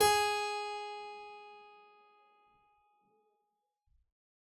<region> pitch_keycenter=68 lokey=68 hikey=69 volume=2.334975 trigger=attack ampeg_attack=0.004000 ampeg_release=0.350000 amp_veltrack=0 sample=Chordophones/Zithers/Harpsichord, English/Sustains/Normal/ZuckermannKitHarpsi_Normal_Sus_G#3_rr1.wav